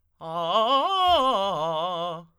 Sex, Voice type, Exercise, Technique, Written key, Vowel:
male, tenor, arpeggios, fast/articulated forte, F major, a